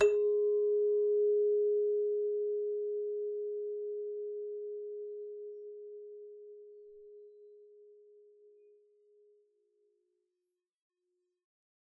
<region> pitch_keycenter=68 lokey=68 hikey=69 volume=15.051161 ampeg_attack=0.004000 ampeg_release=30.000000 sample=Idiophones/Struck Idiophones/Hand Chimes/sus_G#3_r01_main.wav